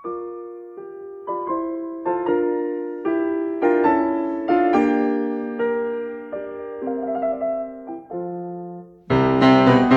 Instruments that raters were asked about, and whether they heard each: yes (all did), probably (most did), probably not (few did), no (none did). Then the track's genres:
bass: no
organ: no
piano: yes
Classical